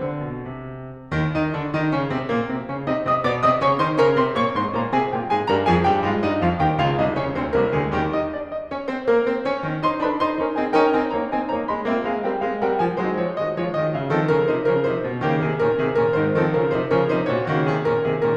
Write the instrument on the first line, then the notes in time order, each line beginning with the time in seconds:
piano
0.00 D3
0.23 B2
0.46 C3
1.14 D#2 D#3
1.37 D#3 D#4
1.56 D3 D4
1.75 D#3 D#4
1.93 C#3 C#4
2.12 C3 C4
2.26 A#2 A#3
2.46 C3 C4
2.66 C#3 C#4
2.88 C3 C4 D#4 D#5
3.04 C3 C4 D#5 D#6
3.23 B2 B3 D5 D6
3.40 C3 C4 D#5 D#6
3.62 C#3 C#4 C#5 C#6
3.83 D#3 D#4 C5 C6
4.04 C#3 C#4 A#4 A#5
4.19 C3 C4 C5 C6
4.37 A#2 A#3 C#5 C#6
4.55 G#2 G#3 C5 C6
4.74 A#2 A#3 A#4 A#5
4.95 C3 C4 G#4 G#5
5.12 A#2 A#3 G4 G5
5.28 G#2 G#3 G#4 G#5
5.45 G2 G3 A#4 A#5
5.64 F2 F3 G#4 G#5
5.85 G2 G3 G4 G5
6.10 G#2 G#3 F4 F5
6.25 G2 G3 D#4 D#5
6.42 F2 F3 F4 F5
6.65 D#2 D#3 G4 G5
6.79 C#2 C#3 F4 F5
6.98 C2 C3 D#4 D#5
7.17 C#2 C#3 C#4 C#5
7.36 D2 D3 C4 C5
7.56 C2 C3 A#3 A#4
7.79 D2 D3 G#3 G#4
7.94 D#2 D#3 G3 G4
8.13 D#4 D#5
8.31 D4 D5
8.50 D#4 D#5
8.68 C#4 C#5
8.88 C4 C5
9.04 A#3 A#4
9.22 C4 C5
9.43 C#4 C#5
9.62 D#2 D#3 C4 C5
9.83 D#3 D#4 C5 C6
10.00 D3 D#3 D4 D#4 B4 B5
10.19 D#4 C5 C6
10.38 C#4 D#4 A#4 A#5
10.54 C4 D#4 G#4 G#5
10.72 C#4 D#4 A#4 G5
10.89 C4 D#4 C5 G#5
11.08 A#3 D#4 C#5 A#5
11.30 C4 D#4 C5 G#5
11.55 A#3 D#4 C#5 A#5
11.70 G#3 D#4 D#5 C6
11.87 A#3 C4 G4 E5
12.09 G#3 C4 G#4 F5
12.25 G3 C4 A#4 G5
12.41 G#3 C4 G#4 F5
12.62 G3 C4 A#4 G5
12.76 F3 C4 C5 G#5
12.96 F#3 G#3 D#4 C5
13.07 F3 G#3 F4 C#5
13.28 D#3 G#3 F#4 D#5
13.46 F3 G#3 F4 C#5
13.65 D#3 G#3 F#4 D#5
13.86 C#3 G#3 G#4 F5
14.11 D#3 F3 C4 A4
14.28 C#3 F3 C#4 A#4
14.50 C3 F3 D#4 C5
14.65 C#3 F3 C#4 A#4
14.84 C3 F3 D#4 C5
15.01 A#2 F3 F4 C#5
15.21 C#3 D#3 A#3 G4
15.39 C3 D#3 C4 G#4
15.62 A#2 D#3 C#4 A#4
15.77 C3 D#3 C4 G#4
15.96 A#2 D#3 C#4 A#4
16.15 G#2 D#3 D#4 C5
16.34 D#3 F3 C4 A4
16.53 C#3 F3 C#4 A#4
16.65 C3 F3 D#4 C5
16.85 C#3 F3 C#4 A#4
17.07 C3 F3 D#4 C5
17.26 A#2 F3 F4 C#5
17.46 C#3 D#3 A#3 G4
17.67 C3 D#3 C4 G#4
17.87 A#2 D#3 C#4 A#4
18.03 C3 D#3 C4 G#4
18.20 A#2 D#3 C#4 A#4